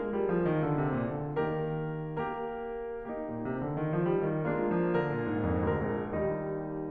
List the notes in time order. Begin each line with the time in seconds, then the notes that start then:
0.00 G#3 A#3 F4 G#4 A#4
0.16 G3
0.34 F3
0.51 D#3
0.67 D3
0.79 C3
1.01 A#2
1.20 D3
1.40 D#3 A#3 G4 A#4
2.33 A#3 G4 A#4
3.13 A#3 D#4 G4
3.30 A#2
3.45 C3
3.61 D3
3.77 D#3
3.94 F3
4.12 G3
4.32 D#3
4.50 G#3 A#3 D4 F4
4.74 F3
4.93 D3 A#4
5.06 A#2
5.26 G#2
5.46 F2
5.65 D2 A#3 A#4
5.84 A#1
6.01 D#2 G3 D#4